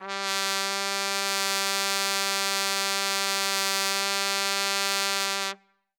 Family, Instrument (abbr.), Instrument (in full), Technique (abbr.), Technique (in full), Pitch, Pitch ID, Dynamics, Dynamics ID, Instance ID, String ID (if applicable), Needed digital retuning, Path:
Brass, TpC, Trumpet in C, ord, ordinario, G3, 55, ff, 4, 0, , TRUE, Brass/Trumpet_C/ordinario/TpC-ord-G3-ff-N-T21u.wav